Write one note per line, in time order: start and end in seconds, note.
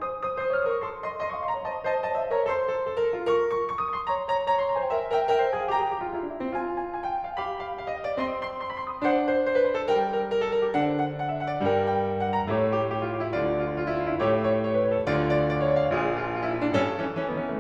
0.00 0.26 C5
0.00 0.26 D#6
0.26 0.44 C5
0.26 0.44 D#6
0.44 0.53 C5
0.44 0.53 D#6
0.53 0.64 C#5
0.53 0.64 F6
0.64 0.72 C5
0.64 0.72 D#6
0.73 0.82 A#4
0.73 0.82 C#6
0.84 1.08 A4
0.84 1.08 C6
1.08 1.27 D#5
1.08 1.27 C6
1.28 1.39 D#5
1.28 1.39 C6
1.39 1.49 F5
1.39 1.49 C#6
1.49 1.58 D#5
1.49 1.58 C6
1.58 1.66 C#5
1.58 1.66 A#5
1.67 1.87 C5
1.67 1.87 D#5
1.67 1.87 A5
1.87 2.07 C5
1.87 2.07 D#5
1.87 2.07 A5
2.07 2.15 C5
2.07 2.15 D#5
2.07 2.24 A5
2.16 2.24 C#5
2.16 2.24 F5
2.25 2.33 C5
2.25 2.33 D#5
2.25 2.45 A#5
2.33 2.45 A#4
2.33 2.45 C#5
2.45 2.68 A4
2.45 2.87 C5
2.45 2.87 C6
2.69 2.87 A4
2.87 2.98 A4
2.98 3.05 A#4
3.05 3.16 A4
3.17 3.27 F4
3.27 3.72 A#4
3.27 3.48 C#6
3.48 3.72 C#6
3.72 3.80 C#6
3.80 3.90 D#6
3.90 3.98 C#6
3.99 4.09 C6
4.10 4.28 C#5
4.10 4.28 A#5
4.28 4.48 C#5
4.28 4.48 A#5
4.49 4.57 C#5
4.49 4.57 A#5
4.59 4.66 D#5
4.59 4.66 C6
4.66 4.78 C#5
4.66 4.78 A#5
4.78 4.88 C5
4.78 4.88 G#5
4.88 5.14 A#4
4.88 5.14 E5
4.88 5.14 G5
5.14 5.35 A#4
5.14 5.35 E5
5.14 5.35 G5
5.35 5.43 A#4
5.35 5.53 E5
5.35 5.53 G5
5.45 5.53 C5
5.55 5.63 A#4
5.55 5.74 F5
5.55 5.74 G#5
5.63 5.74 G#4
5.74 5.85 G4
5.74 6.54 G5
5.74 6.54 A#5
5.85 5.93 G#4
5.94 6.01 G4
6.01 6.11 F4
6.11 6.21 E4
6.21 6.33 D4
6.33 6.41 E4
6.42 6.54 C4
6.54 7.37 F4
6.54 6.76 G#5
6.76 6.97 G#5
6.98 7.08 G#5
7.08 7.17 G5
7.17 7.28 G#5
7.28 7.37 F5
7.38 8.20 G4
7.38 7.57 F5
7.38 8.20 B5
7.57 7.76 F5
7.78 7.88 F5
7.89 8.02 D#5
8.02 8.12 F5
8.12 8.20 D5
8.20 9.02 C4
8.20 8.61 D#5
8.20 8.39 C6
8.39 8.61 C6
8.61 8.72 C6
8.72 8.80 B5
8.81 8.92 C6
8.92 9.02 D#6
9.02 9.88 D4
9.02 9.22 C5
9.02 9.88 F#5
9.23 9.42 C5
9.42 9.52 C5
9.52 9.65 B4
9.65 9.74 C5
9.75 9.88 A4
9.88 10.69 G3
9.88 10.10 A#4
9.88 10.26 G5
10.10 10.26 A#4
10.27 10.36 A#4
10.36 10.46 A4
10.46 10.60 A#4
10.60 10.69 G4
10.70 11.61 D3
10.70 11.61 D4
10.70 11.61 C5
10.70 10.88 F#5
10.88 11.06 F#5
11.06 11.25 F#5
11.26 11.38 E5
11.38 11.47 F#5
11.47 11.61 D5
11.61 12.50 G2
11.61 12.50 G3
11.61 12.13 A#4
11.61 11.90 G5
11.91 12.13 G5
12.13 12.21 G5
12.21 12.29 F#5
12.31 12.39 G5
12.39 12.50 A#5
12.50 13.35 A2
12.50 13.35 A3
12.50 12.77 G4
12.50 13.35 C#5
12.81 12.98 G4
12.98 13.06 G4
13.06 13.18 F4
13.18 13.26 G4
13.27 13.35 E4
13.36 14.21 D2
13.36 14.21 D3
13.36 13.57 F4
13.36 13.78 D5
13.57 13.78 F4
13.79 13.93 F4
13.93 14.04 E4
14.04 14.13 F4
14.13 14.21 D4
14.22 15.08 A2
14.22 15.08 A3
14.22 15.08 G4
14.22 14.41 C#5
14.41 14.66 C#5
14.66 14.76 C#5
14.77 14.88 B4
14.88 14.99 C#5
14.99 15.08 A4
15.08 15.93 D2
15.08 15.93 D3
15.08 15.48 F4
15.08 15.28 D5
15.29 15.48 D5
15.48 15.56 D5
15.56 15.70 C#5
15.72 15.84 D5
15.85 15.93 E5
15.93 16.73 A#1
15.93 16.73 A#2
15.93 16.20 F4
15.93 16.73 G#4
16.20 16.35 F4
16.35 16.45 F4
16.45 16.56 E4
16.56 16.64 F4
16.65 16.73 D4
16.81 17.00 A1
16.81 17.00 A2
16.81 17.00 C#4
16.81 17.60 A4
17.00 17.21 E3
17.00 17.21 C#4
17.23 17.31 E3
17.23 17.31 C#4
17.31 17.39 D#3
17.31 17.39 B3
17.39 17.50 E3
17.39 17.50 C#4
17.50 17.60 C#3
17.50 17.60 A3